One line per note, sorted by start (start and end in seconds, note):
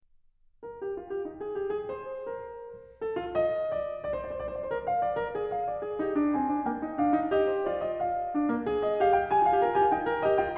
0.03 0.64 A#4
0.64 0.90 G4
0.90 1.08 F4
1.08 1.24 G4
1.24 1.42 D#4
1.42 1.57 G#4
1.57 1.72 G4
1.72 1.90 G#4
1.90 2.31 C5
2.31 2.69 A#4
3.03 3.15 A4
3.16 3.38 F4
3.38 3.76 D#5
3.76 4.07 D5
4.10 4.17 D5
4.16 4.23 C5
4.23 4.32 C5
4.23 4.26 D5
4.31 4.35 D5
4.35 4.36 C5
4.35 4.42 D5
4.42 4.47 C5
4.47 4.53 D5
4.53 4.60 C5
4.59 4.65 D5
4.65 4.72 C5
4.72 4.86 A#4
4.86 5.06 F5
5.06 5.14 D5
5.14 5.36 A#4
5.36 5.53 G#4
5.53 5.69 F5
5.69 5.84 D5
5.84 6.04 G#4
6.04 6.16 D#4
6.04 6.35 G4
6.16 6.35 D4
6.35 6.47 C4
6.35 6.63 G#5
6.47 6.63 D4
6.63 6.84 A#3
6.63 6.98 G5
6.84 6.98 D#4
6.98 7.14 D4
6.98 7.33 F5
7.14 7.33 D#4
7.33 7.73 G4
7.33 7.53 D#5
7.53 7.73 C5
7.73 8.09 F4
7.73 7.92 D5
7.92 8.09 D#5
8.09 8.83 F5
8.35 8.47 D4
8.47 8.67 A#3
8.67 8.97 G#4
8.83 8.97 D#5
8.97 9.30 G4
8.97 9.16 F5
9.16 9.32 G5
9.32 9.37 G4
9.32 9.45 G#5
9.37 9.41 F4
9.41 9.48 F4
9.41 9.45 G4
9.41 9.60 F5
9.47 9.54 G4
9.54 9.60 F4
9.60 9.66 F4
9.60 9.62 G4
9.60 9.73 A#4
9.66 9.73 G4
9.73 9.80 F4
9.73 9.93 G#5
9.79 9.86 G4
9.86 9.93 F4
9.93 10.08 D#4
9.93 10.24 G5
10.08 10.25 A#4
10.25 10.41 G4
10.25 10.41 D#5
10.41 10.58 F4
10.41 10.58 G5